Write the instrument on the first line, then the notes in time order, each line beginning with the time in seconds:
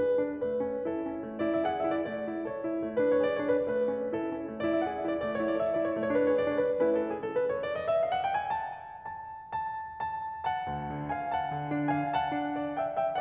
piano
0.00 G#4 B4
0.16 D4
0.44 A3 B4
0.62 C#4
0.87 E4 A4
1.06 C#4
1.27 A3
1.40 D5
1.46 E4
1.52 E5
1.64 G#4 F#5
1.79 E5
1.88 E4
1.96 D5
2.08 A3 D5
2.28 E4
2.45 A4 C#5
2.64 E4
2.82 A3
2.95 B4
3.01 D4
3.08 C#5
3.19 G#4 D5
3.33 C#5
3.39 D4
3.46 B4
3.67 A3 B4
3.88 C#4
4.10 E4 A4
4.27 C#4
4.48 A3
4.61 D5
4.66 E4
4.74 E5
4.84 G#4 F#5
4.99 E5
5.04 E4
5.11 D5
5.26 A3 D5
5.39 C#5
5.43 E4
5.48 D5
5.57 A4 E5
5.69 D5
5.74 E4
5.79 C#5
5.94 A3 C#5
6.13 B4
6.19 D4
6.23 C#5
6.44 G#4 D5
6.55 C#5
6.61 D4
6.65 B4
6.80 A3 C#4 E4 B4
6.95 A4
7.08 G#4
7.28 A4
7.43 B4
7.53 C#5
7.63 D5
7.73 D#5
7.87 E5
8.01 F5
8.10 F#5
8.25 G5
8.36 G#5
8.49 A5
9.02 A5
9.52 A5
10.00 A5
10.48 F#5 A5
10.72 D2
10.95 D3
11.15 F5 G#5
11.32 F#5 A5
11.55 D3
11.78 D4
11.98 F5 G#5
12.17 F#5 A5
12.31 D4
12.64 D5
12.85 E5 G5
13.05 E5 G5